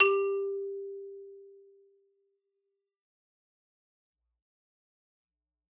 <region> pitch_keycenter=55 lokey=55 hikey=57 volume=0.962981 lovel=84 hivel=127 ampeg_attack=0.004000 ampeg_release=15.000000 sample=Idiophones/Struck Idiophones/Xylophone/Soft Mallets/Xylo_Soft_G3_ff_01_far.wav